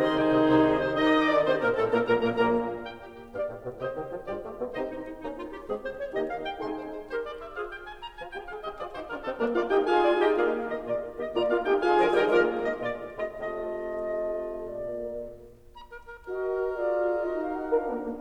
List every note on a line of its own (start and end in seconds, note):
0.00 0.23 C3
0.00 0.62 D#3
0.00 0.23 C4
0.00 0.62 D#4
0.00 0.62 G#4
0.00 1.01 C5
0.00 0.23 D#5
0.00 0.23 C6
0.23 0.43 C2
0.23 0.43 C3
0.23 0.43 G#5
0.43 0.62 C2
0.43 0.62 C3
0.43 0.62 D#5
0.62 1.01 C2
0.62 1.01 C3
0.62 1.01 D#3
0.62 0.75 D#4
0.62 1.01 D#4
0.62 1.01 G#4
0.62 0.75 C5
0.75 0.84 G#4
0.84 1.01 C5
1.01 1.34 D#3
1.01 1.34 D#4
1.01 1.18 D#5
1.01 1.34 D#5
1.01 1.34 F5
1.18 1.34 D#3
1.18 1.34 D#4
1.18 1.34 D#6
1.34 1.45 D3
1.34 1.45 D4
1.34 1.45 D5
1.34 1.45 D6
1.45 1.61 C3
1.45 1.61 C4
1.45 1.61 C5
1.45 1.61 C6
1.61 1.78 A#2
1.61 1.78 A#3
1.61 1.78 A#4
1.61 1.78 A#5
1.78 1.92 A2
1.78 1.92 A3
1.78 1.92 A4
1.78 1.92 A5
1.92 2.12 A#2
1.92 2.12 A#3
1.92 2.12 A#4
1.92 2.12 A#5
2.12 2.29 A#1
2.12 2.29 A#2
2.12 2.29 A#3
2.12 2.29 A#4
2.12 2.29 G#5
2.12 2.29 A#5
2.29 2.50 A#1
2.29 2.48 A#2
2.29 2.50 A#2
2.29 2.48 A#3
2.29 2.50 A#4
2.29 2.50 G#5
2.29 2.50 A#5
2.50 2.69 A#1
2.50 2.69 A#2
2.50 2.69 A#3
2.50 2.69 A#4
2.50 2.69 G#5
2.50 2.69 A#5
2.87 2.91 G5
2.91 3.10 G4
3.10 3.30 G4
3.30 3.45 G2
3.30 3.45 G4
3.30 3.45 D5
3.30 3.45 F5
3.45 3.61 A2
3.61 3.81 B2
3.81 3.95 C3
3.81 3.95 G4
3.81 3.95 C5
3.81 3.95 D#5
3.95 4.08 D#3
4.08 4.25 F3
4.25 4.39 G2
4.25 4.39 G3
4.25 4.39 F4
4.25 4.39 G4
4.25 4.39 D5
4.39 4.53 A3
4.53 4.71 B3
4.71 4.90 C3
4.71 4.90 C4
4.71 4.90 D#4
4.71 4.90 G4
4.71 4.90 C5
4.71 4.90 D#5
4.90 5.06 D#4
5.06 5.21 D#4
5.21 5.40 A#3
5.21 5.40 C#4
5.21 5.40 D#4
5.40 5.57 F4
5.57 5.72 G4
5.72 5.91 G#3
5.72 5.91 C4
5.72 5.91 G#4
5.91 5.99 C5
5.99 6.15 C#5
6.15 6.33 D#3
6.15 6.33 A#3
6.15 6.33 D#4
6.15 6.33 G4
6.15 6.33 D#5
6.33 6.48 F5
6.48 6.59 G5
6.59 6.72 C3
6.59 6.72 G#3
6.59 6.72 D#4
6.59 6.72 G#4
6.59 6.72 G#5
6.59 6.72 C6
6.72 6.91 C5
6.91 7.08 C5
7.08 7.21 G4
7.08 7.21 A#4
7.08 7.21 C5
7.21 7.37 D5
7.37 7.56 E5
7.56 7.69 F4
7.56 7.69 G#4
7.56 7.69 C5
7.56 7.69 F5
7.69 7.88 G5
7.88 8.01 G#5
8.01 8.12 A#5
8.12 8.28 F4
8.12 8.28 G#5
8.28 8.43 G4
8.28 8.43 G5
8.43 8.60 G#4
8.43 8.60 F5
8.60 8.78 G4
8.60 8.78 D#5
8.78 8.93 F4
8.78 8.93 G#4
8.78 8.93 D5
8.93 9.09 D#4
8.93 9.09 G4
8.93 9.09 C5
9.09 9.22 D4
9.09 9.22 F4
9.09 9.22 A#4
9.22 9.37 C4
9.22 9.37 D#4
9.22 9.37 A4
9.37 9.54 A#3
9.37 9.54 D4
9.37 9.54 A#4
9.54 9.68 A#3
9.54 9.68 F4
9.54 9.68 D5
9.54 9.68 F5
9.68 9.87 D#4
9.68 9.87 G4
9.68 9.88 D#5
9.68 9.88 G5
9.88 10.12 F4
9.88 10.12 G#4
9.88 10.12 F5
9.88 10.12 G#5
9.98 10.12 F4
9.98 10.12 D5
10.12 10.32 D#4
10.12 10.32 G4
10.12 10.32 D#5
10.12 10.32 G5
10.32 10.52 A#3
10.32 10.52 F4
10.32 10.52 G#4
10.32 10.52 D5
10.32 10.52 F5
10.70 10.84 D#3
10.70 10.84 A#3
10.70 10.84 G4
10.70 10.84 D#5
10.84 11.01 A#2
10.84 11.01 A#3
10.84 11.01 F4
10.84 11.01 D5
11.16 11.33 D#3
11.16 11.33 A#3
11.16 11.33 G4
11.16 11.33 D#5
11.33 11.49 A#2
11.33 11.49 A#3
11.33 11.49 F4
11.33 11.49 D5
11.33 11.49 A#5
11.49 11.63 A#3
11.49 11.63 F4
11.49 11.63 D5
11.49 11.63 F5
11.63 11.77 D#4
11.63 11.77 G4
11.63 11.77 D#5
11.63 11.77 G5
11.77 12.19 F4
11.77 12.19 G#4
11.77 12.19 F5
11.77 12.19 G#5
11.98 12.19 D3
11.98 12.19 F3
11.98 12.19 A#4
12.19 12.39 D#3
12.19 12.39 G3
12.19 12.39 D#4
12.19 12.39 G4
12.19 12.39 A#4
12.19 12.39 D#5
12.19 12.39 G5
12.39 12.67 F3
12.39 12.67 G#3
12.39 12.67 A#3
12.39 12.67 F4
12.39 12.67 A#4
12.39 12.67 D5
12.39 12.67 F5
12.90 13.12 D#3
12.90 13.12 A#3
12.90 13.12 G4
12.90 13.12 D#5
13.12 13.42 A#3
13.12 13.42 D5
13.42 13.63 A#2
13.42 13.63 F4
13.63 13.87 A3
13.63 13.87 F4
13.63 13.87 D#5
13.87 14.71 C3
13.87 14.71 F4
13.87 14.71 D#5
14.12 14.71 A3
14.71 14.95 A#2
14.71 14.95 A#3
14.71 14.95 F4
15.77 15.89 A#5
15.89 16.09 A#4
16.09 16.25 A#4
16.25 16.80 F#4
16.25 16.80 A#4
16.25 16.80 D#5
16.80 17.21 F4
16.80 17.22 G#4
16.80 17.22 A#4
16.80 17.22 D5
17.22 17.72 D#4
17.22 17.72 F#4
17.22 17.72 A#4
17.22 17.36 D#5
17.36 17.53 F5
17.53 17.72 F#5
17.72 17.89 D4
17.72 17.90 F4
17.72 17.89 A#4
17.72 17.90 A#4
17.72 17.89 F5
17.90 18.08 A#3
18.08 18.22 A#3